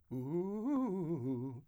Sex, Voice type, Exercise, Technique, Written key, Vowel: male, , arpeggios, fast/articulated piano, C major, u